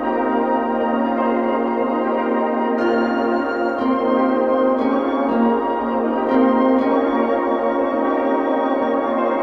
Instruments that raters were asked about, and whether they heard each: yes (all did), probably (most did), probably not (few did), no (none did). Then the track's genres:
trombone: no
Soundtrack; Instrumental